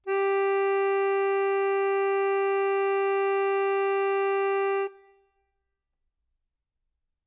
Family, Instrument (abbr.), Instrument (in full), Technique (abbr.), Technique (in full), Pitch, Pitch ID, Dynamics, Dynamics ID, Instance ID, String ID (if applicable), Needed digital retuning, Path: Keyboards, Acc, Accordion, ord, ordinario, G4, 67, ff, 4, 2, , FALSE, Keyboards/Accordion/ordinario/Acc-ord-G4-ff-alt2-N.wav